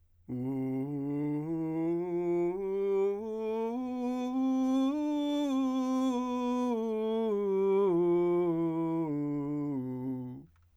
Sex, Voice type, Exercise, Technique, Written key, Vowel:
male, , scales, straight tone, , u